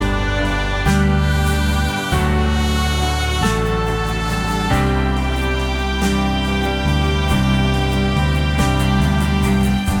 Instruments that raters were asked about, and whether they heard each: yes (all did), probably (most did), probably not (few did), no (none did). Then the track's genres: saxophone: no
trumpet: probably not
Pop; Electronic; Folk; Indie-Rock